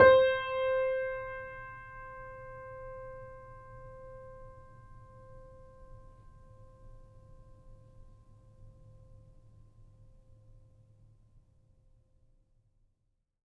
<region> pitch_keycenter=72 lokey=72 hikey=73 volume=0.877421 lovel=66 hivel=99 locc64=0 hicc64=64 ampeg_attack=0.004000 ampeg_release=0.400000 sample=Chordophones/Zithers/Grand Piano, Steinway B/NoSus/Piano_NoSus_Close_C5_vl3_rr1.wav